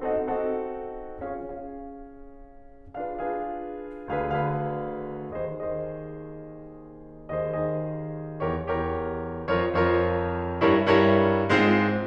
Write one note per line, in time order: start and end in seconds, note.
0.01 0.15 C4
0.01 0.15 D#4
0.01 0.15 F#4
0.01 0.15 A4
0.01 0.15 D#5
0.01 0.15 F#5
0.16 1.16 C4
0.16 1.16 D#4
0.16 1.16 F#4
0.16 1.16 A4
0.16 1.16 D#5
0.16 1.16 F#5
1.17 1.31 C#4
1.17 1.31 F4
1.17 1.31 G#4
1.17 1.31 C#5
1.17 1.31 F5
1.31 3.29 C#4
1.31 3.29 F4
1.31 3.29 G#4
1.31 3.29 C#5
1.31 3.29 F5
3.30 3.42 D4
3.30 3.42 F4
3.30 3.42 G#4
3.30 3.42 B4
3.30 3.42 F5
3.43 4.08 D4
3.43 4.08 F4
3.43 4.08 G#4
3.43 4.08 B4
3.43 4.08 F5
4.10 4.23 D2
4.10 4.23 D3
4.10 4.23 G#4
4.10 4.23 B4
4.10 4.23 F5
4.24 5.27 D2
4.24 5.27 D3
4.24 5.27 G#4
4.24 5.27 B4
4.24 5.27 F5
5.28 5.42 D#2
5.28 5.42 D#3
5.28 5.42 G#4
5.28 5.42 C5
5.28 5.42 D#5
5.43 7.59 D#2
5.43 7.59 D#3
5.43 7.59 G#4
5.43 7.59 C5
5.43 7.59 D#5
7.60 7.66 D#2
7.60 7.66 D#3
7.60 7.66 G#4
7.60 7.66 C5
7.60 7.66 D#5
7.68 8.63 D#2
7.68 8.63 D#3
7.68 8.63 G#4
7.68 8.63 C5
7.68 8.63 D#5
8.64 8.77 E2
8.64 8.77 E3
8.64 8.77 G4
8.64 8.77 A#4
8.64 8.77 C#5
8.78 9.47 E2
8.78 9.47 E3
8.78 9.47 G4
8.78 9.47 A#4
8.78 9.47 C#5
9.48 9.54 F2
9.48 9.54 F3
9.48 9.54 F4
9.48 9.54 A#4
9.48 9.54 C#5
9.55 10.62 F2
9.55 10.62 F3
9.55 10.62 F4
9.55 10.62 A#4
9.55 10.62 C#5
10.63 10.78 G2
10.63 10.78 G3
10.63 10.78 E4
10.63 10.78 A#4
10.63 10.78 C#5
10.79 11.46 G2
10.79 11.46 G3
10.79 11.46 E4
10.79 11.46 A#4
10.79 11.46 C#5
11.48 12.06 G#2
11.48 12.06 G#3
11.48 12.06 C4
11.48 12.06 F4
11.48 12.06 C5